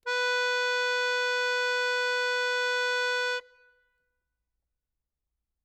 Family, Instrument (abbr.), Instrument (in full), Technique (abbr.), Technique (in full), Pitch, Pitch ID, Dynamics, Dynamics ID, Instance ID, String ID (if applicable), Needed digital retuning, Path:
Keyboards, Acc, Accordion, ord, ordinario, B4, 71, ff, 4, 1, , FALSE, Keyboards/Accordion/ordinario/Acc-ord-B4-ff-alt1-N.wav